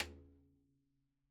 <region> pitch_keycenter=60 lokey=60 hikey=60 volume=13.907062 seq_position=1 seq_length=2 ampeg_attack=0.004000 ampeg_release=30.000000 sample=Membranophones/Struck Membranophones/Snare Drum, Rope Tension/RopeSnare_sidestick_Main_vl2_rr1.wav